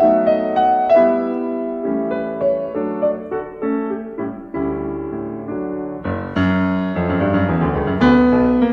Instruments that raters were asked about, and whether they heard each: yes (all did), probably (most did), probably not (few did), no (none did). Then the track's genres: drums: no
piano: yes
Classical